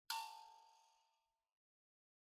<region> pitch_keycenter=81 lokey=81 hikey=82 tune=-32 volume=22.112469 offset=4635 ampeg_attack=0.004000 ampeg_release=30.000000 sample=Idiophones/Plucked Idiophones/Mbira dzaVadzimu Nyamaropa, Zimbabwe, Low B/MBira4_pluck_Main_A4_22_50_100_rr3.wav